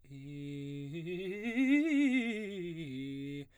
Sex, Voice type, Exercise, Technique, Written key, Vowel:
male, baritone, scales, fast/articulated piano, C major, i